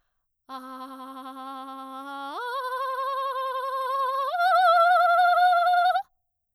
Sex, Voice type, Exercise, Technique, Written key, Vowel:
female, soprano, long tones, trillo (goat tone), , a